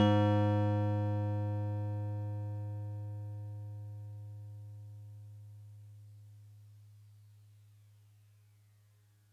<region> pitch_keycenter=56 lokey=55 hikey=58 volume=11.411470 lovel=66 hivel=99 ampeg_attack=0.004000 ampeg_release=0.100000 sample=Electrophones/TX81Z/FM Piano/FMPiano_G#2_vl2.wav